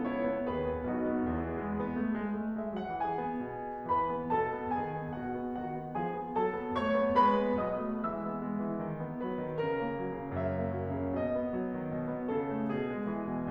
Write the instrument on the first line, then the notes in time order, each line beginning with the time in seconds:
piano
0.00 E4 C#5
0.20 B3
0.41 D#2 D#3 F#4 B4
0.71 B3
0.93 B1 B2 D#4 F#4
1.16 B3
1.40 E2 E3 B3 E4 G#4
1.61 G#3
1.80 B3
2.02 A3
2.22 G#3
2.43 A3
2.60 G#3 E5
2.79 F#3 F#5
3.03 E3 G#4 G#5
3.19 B3
3.51 B2
3.69 B3
3.89 E3 B4 B5
4.09 B3
4.32 B2 A4 A5
4.53 B3
4.81 D#3 G#4 G#5
5.02 B3
5.20 B2 F#4 F#5
5.38 B3
5.58 D#3 F#4 F#5
5.80 B3
5.99 F3 G#4 G#5
6.19 B3
6.34 F#3 A4 A5
6.55 B3
6.75 A3 C#5 C#6
6.99 B3
7.20 G#3 B4 B5
7.43 B3
7.64 B2 F#3 D#5 D#6
7.81 A3
7.99 E3 G#3 E5 E6
8.17 B3
8.37 G#3
8.56 E3
8.82 D#3
9.02 B3
9.21 F#3 B4
9.39 D#3
9.65 C#3 A#4
9.82 A#3
10.02 F#3
10.23 C#3
10.38 F#2 E5
10.57 A#3
10.74 F#3
10.94 C#3
11.15 B2 D#5
11.33 B3
11.55 F#3
11.78 D#3
11.95 B2
12.13 B3
12.33 C#3 A4
12.52 A3
12.72 B2 G#4
12.95 G#3
13.13 E3
13.32 B2